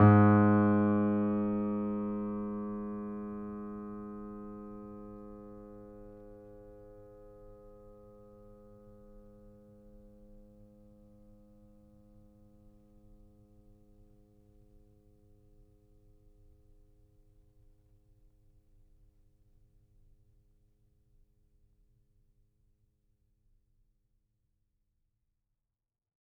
<region> pitch_keycenter=44 lokey=44 hikey=45 volume=2.168352 lovel=66 hivel=99 locc64=0 hicc64=64 ampeg_attack=0.004000 ampeg_release=0.400000 sample=Chordophones/Zithers/Grand Piano, Steinway B/NoSus/Piano_NoSus_Close_G#2_vl3_rr1.wav